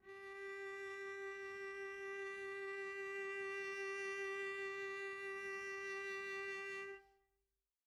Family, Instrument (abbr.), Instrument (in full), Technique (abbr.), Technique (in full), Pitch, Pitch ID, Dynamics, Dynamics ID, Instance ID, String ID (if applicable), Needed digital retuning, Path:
Strings, Vc, Cello, ord, ordinario, G4, 67, pp, 0, 0, 1, FALSE, Strings/Violoncello/ordinario/Vc-ord-G4-pp-1c-N.wav